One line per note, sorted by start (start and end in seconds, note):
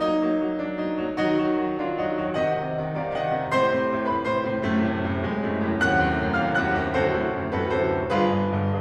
0.01 0.17 F#3
0.01 0.17 A#3
0.01 0.51 D#4
0.18 0.33 F#3
0.18 0.33 A#3
0.33 0.51 F#3
0.33 0.51 A#3
0.51 0.74 F#3
0.51 0.74 A#3
0.51 0.74 D4
0.74 0.97 F#3
0.74 0.97 A#3
0.74 0.97 D#4
0.97 1.14 F#3
0.97 1.14 A#3
1.16 1.33 D#3
1.16 1.33 F#3
1.16 1.75 D#4
1.16 1.75 F#4
1.34 1.54 D#3
1.34 1.54 F#3
1.55 1.75 D#3
1.55 1.75 F#3
1.75 1.96 D#3
1.75 1.96 F#3
1.75 1.96 D4
1.75 1.96 F4
1.96 2.12 D#3
1.96 2.12 F#3
1.96 2.12 D#4
1.96 2.12 F#4
2.12 2.36 D#3
2.12 2.36 F#3
2.36 2.58 C3
2.36 2.58 D#3
2.36 2.98 D#5
2.36 2.98 F#5
2.61 2.79 C3
2.61 2.79 D#3
2.80 2.98 C3
2.80 2.98 D#3
2.98 3.18 C3
2.98 3.18 D#3
2.98 3.18 D5
2.98 3.18 F5
3.18 3.36 C3
3.18 3.36 D#3
3.18 3.36 D#5
3.18 3.36 F#5
3.36 3.54 C3
3.36 3.54 D#3
3.54 3.72 A2
3.54 3.72 C3
3.54 4.09 C5
3.54 4.09 C6
3.72 3.90 A2
3.72 3.90 C3
3.91 4.09 A2
3.91 4.09 C3
4.10 4.30 A2
4.10 4.30 C3
4.10 4.30 B4
4.10 4.30 B5
4.30 4.50 A2
4.30 4.50 C3
4.30 4.50 C5
4.30 4.50 C6
4.50 4.67 A2
4.50 4.67 C3
4.67 4.84 F#2
4.67 4.84 A2
4.67 4.84 C3
4.67 5.22 A3
4.84 5.02 F#2
4.84 5.02 A2
4.84 5.02 C3
5.03 5.22 F#2
5.03 5.22 A2
5.03 5.22 C3
5.23 5.42 F#2
5.23 5.42 A2
5.23 5.42 C3
5.23 5.42 G#3
5.43 5.64 F#2
5.43 5.64 A2
5.43 5.64 C3
5.43 5.64 A3
5.64 5.83 F#2
5.64 5.83 A2
5.64 5.83 C3
5.83 6.01 D#2
5.83 6.01 F#2
5.83 6.01 A2
5.83 6.01 C3
5.83 6.36 F#5
5.83 6.36 F#6
6.01 6.16 D#2
6.01 6.16 F#2
6.01 6.16 A2
6.01 6.16 C3
6.16 6.36 D#2
6.16 6.36 F#2
6.16 6.36 A2
6.16 6.36 C3
6.37 6.57 D#2
6.37 6.57 F#2
6.37 6.57 A2
6.37 6.57 C3
6.37 6.57 F5
6.37 6.57 F6
6.58 6.74 D#2
6.58 6.74 F#2
6.58 6.74 A2
6.58 6.74 C3
6.58 6.74 F#5
6.58 6.74 F#6
6.74 6.93 D#2
6.74 6.93 F#2
6.74 6.93 A2
6.74 6.93 C3
6.93 7.15 D2
6.93 7.15 F#2
6.93 7.15 A2
6.93 7.15 C3
6.93 7.51 F#4
6.93 7.51 A4
6.93 7.51 C5
7.15 7.32 D2
7.15 7.32 F#2
7.15 7.32 A2
7.15 7.32 C3
7.32 7.51 D2
7.32 7.51 F#2
7.32 7.51 A2
7.32 7.51 C3
7.51 7.71 D2
7.51 7.71 F#2
7.51 7.71 A2
7.51 7.71 C3
7.51 7.71 F#4
7.51 7.71 A4
7.51 7.71 B4
7.73 7.92 D2
7.73 7.92 F#2
7.73 7.92 A2
7.73 7.92 C3
7.73 7.92 F#4
7.73 7.92 A4
7.73 7.92 C5
7.94 8.13 D2
7.94 8.13 F#2
7.94 8.13 A2
7.94 8.13 C3
8.13 8.35 G1
8.13 8.35 G2
8.13 8.55 F4
8.13 8.55 G#4
8.13 8.55 B4
8.35 8.55 G1
8.35 8.55 G2
8.55 8.82 G1
8.55 8.82 G2